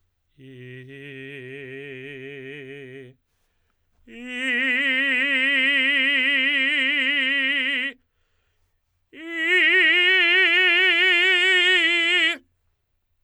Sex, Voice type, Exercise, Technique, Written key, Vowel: male, tenor, long tones, trill (upper semitone), , i